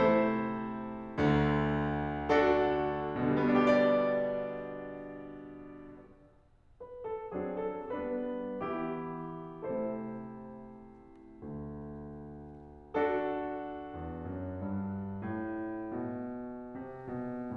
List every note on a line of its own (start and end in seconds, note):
0.00 1.16 C3
0.00 1.16 A3
0.00 1.16 E4
0.00 1.16 A4
0.00 1.16 C5
1.16 3.17 D2
1.16 3.17 D3
2.31 3.17 D4
2.31 3.17 F#4
2.31 3.17 A4
3.18 6.13 B2
3.31 6.13 D3
3.44 6.13 G3
3.55 6.13 B3
3.63 6.13 D4
3.74 6.13 G4
4.11 6.13 D5
6.54 7.02 B4
7.04 7.34 A4
7.34 7.89 F#3
7.34 7.89 C4
7.34 7.89 D4
7.34 7.57 G#4
7.57 7.89 A4
7.89 8.68 G3
7.89 8.68 B3
7.89 8.68 D4
7.89 8.68 B4
8.68 9.65 E3
8.68 9.65 B3
8.68 9.65 E4
8.68 9.65 G4
9.65 11.39 C3
9.65 11.39 A3
9.65 11.39 E4
9.65 11.39 A4
9.65 11.39 C5
11.39 13.90 D2
12.99 14.61 D4
12.99 14.61 F#4
12.99 14.61 A4
13.91 14.32 E2
14.33 14.61 F#2
14.61 15.24 G2
15.27 15.98 A2
15.98 16.67 B2
16.67 17.06 C3
17.07 17.57 B2